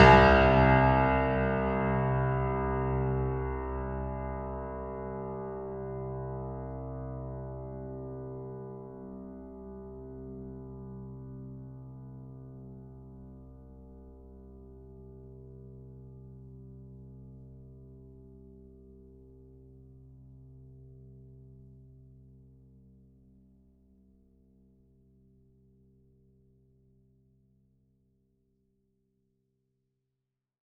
<region> pitch_keycenter=36 lokey=36 hikey=37 volume=1.128374 lovel=100 hivel=127 locc64=65 hicc64=127 ampeg_attack=0.004000 ampeg_release=0.400000 sample=Chordophones/Zithers/Grand Piano, Steinway B/Sus/Piano_Sus_Close_C2_vl4_rr1.wav